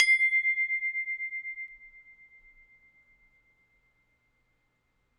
<region> pitch_keycenter=84 lokey=84 hikey=85 tune=-3 volume=1.949318 lovel=100 hivel=127 ampeg_attack=0.004000 ampeg_release=30.000000 sample=Idiophones/Struck Idiophones/Tubular Glockenspiel/C1_loud1.wav